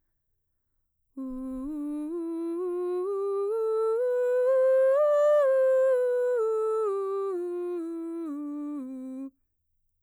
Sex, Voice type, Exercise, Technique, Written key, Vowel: female, mezzo-soprano, scales, slow/legato piano, C major, u